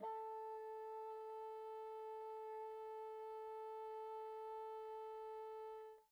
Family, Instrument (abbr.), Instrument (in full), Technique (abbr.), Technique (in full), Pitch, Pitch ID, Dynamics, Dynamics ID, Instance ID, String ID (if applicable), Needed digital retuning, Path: Winds, Bn, Bassoon, ord, ordinario, A4, 69, pp, 0, 0, , FALSE, Winds/Bassoon/ordinario/Bn-ord-A4-pp-N-N.wav